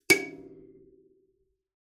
<region> pitch_keycenter=97 lokey=95 hikey=98 tune=-67 volume=2.439337 offset=4555 ampeg_attack=0.004000 ampeg_release=15.000000 sample=Idiophones/Plucked Idiophones/Kalimba, Tanzania/MBira3_pluck_Main_C#6_k27_50_100_rr2.wav